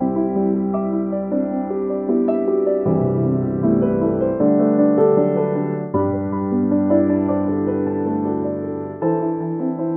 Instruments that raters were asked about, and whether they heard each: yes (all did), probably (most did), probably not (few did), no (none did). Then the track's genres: piano: yes
drums: no
Contemporary Classical; Instrumental